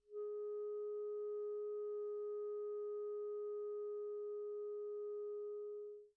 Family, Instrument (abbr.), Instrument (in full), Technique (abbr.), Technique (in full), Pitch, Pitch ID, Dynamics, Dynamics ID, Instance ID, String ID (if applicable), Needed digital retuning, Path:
Winds, ClBb, Clarinet in Bb, ord, ordinario, G#4, 68, pp, 0, 0, , FALSE, Winds/Clarinet_Bb/ordinario/ClBb-ord-G#4-pp-N-N.wav